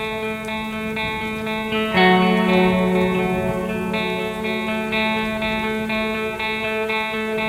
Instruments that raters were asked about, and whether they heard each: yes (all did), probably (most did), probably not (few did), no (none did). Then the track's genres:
guitar: yes
cello: no
drums: no
Post-Rock